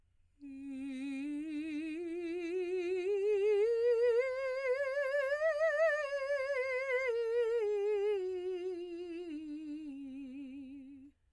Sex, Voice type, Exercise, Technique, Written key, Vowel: female, soprano, scales, slow/legato piano, C major, i